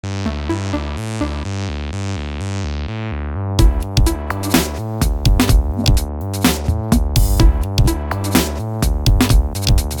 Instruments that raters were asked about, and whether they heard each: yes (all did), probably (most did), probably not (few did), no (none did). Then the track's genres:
synthesizer: yes
trombone: no
saxophone: no
accordion: no
Electronic; Minimal Electronic